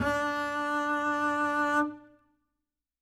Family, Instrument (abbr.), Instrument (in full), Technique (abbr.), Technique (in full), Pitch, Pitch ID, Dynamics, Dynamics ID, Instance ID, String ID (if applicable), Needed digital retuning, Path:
Strings, Cb, Contrabass, ord, ordinario, D4, 62, ff, 4, 1, 2, FALSE, Strings/Contrabass/ordinario/Cb-ord-D4-ff-2c-N.wav